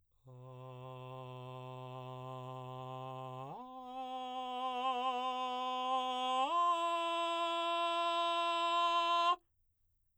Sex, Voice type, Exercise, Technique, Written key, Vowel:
male, baritone, long tones, straight tone, , a